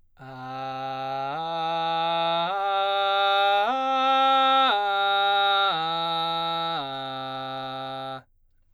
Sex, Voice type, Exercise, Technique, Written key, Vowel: male, baritone, arpeggios, belt, , a